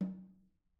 <region> pitch_keycenter=60 lokey=60 hikey=60 volume=22.857610 offset=199 lovel=0 hivel=65 seq_position=1 seq_length=2 ampeg_attack=0.004000 ampeg_release=15.000000 sample=Membranophones/Struck Membranophones/Snare Drum, Modern 2/Snare3M_HitNS_v2_rr1_Mid.wav